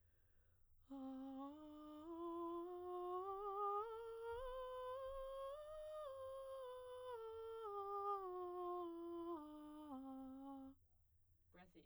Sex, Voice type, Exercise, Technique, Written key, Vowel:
female, soprano, scales, breathy, , a